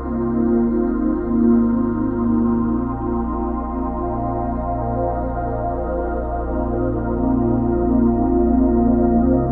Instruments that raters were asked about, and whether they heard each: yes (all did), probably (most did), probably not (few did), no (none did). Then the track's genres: synthesizer: probably
cello: no
violin: no
voice: no
Ambient Electronic; New Age